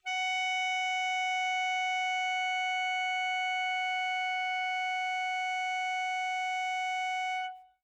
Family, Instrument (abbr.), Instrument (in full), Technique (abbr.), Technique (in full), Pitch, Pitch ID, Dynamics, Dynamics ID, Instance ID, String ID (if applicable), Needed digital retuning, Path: Winds, ASax, Alto Saxophone, ord, ordinario, F#5, 78, mf, 2, 0, , FALSE, Winds/Sax_Alto/ordinario/ASax-ord-F#5-mf-N-N.wav